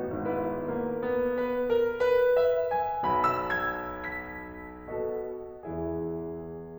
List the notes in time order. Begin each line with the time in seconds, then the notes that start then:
0.00 G#1 G#2 B3 E4 B4
0.75 A#3
1.09 B3
1.43 B4
1.75 A#4
2.05 B4
2.36 E5
2.68 G#5
3.07 B1 B2 B5
3.61 E6
3.87 G#6
4.33 B6
4.86 B2 B3 F#4 A4 D#5
5.63 E2 E3 E4 G#4 E5